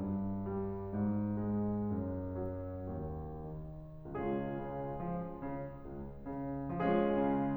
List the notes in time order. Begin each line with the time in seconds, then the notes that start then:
0.01 G2
0.59 G3
0.98 G#2
1.47 G#3
1.95 F#2
2.64 F#3
3.08 D#2
3.66 D#3
4.16 C#2 G#3 C#4 F4 G#4
4.66 C#3
5.05 F3
5.41 C#3
5.85 C#2
6.37 C#3
6.79 F3 G#3 C#4 F4 G#4
7.20 C#3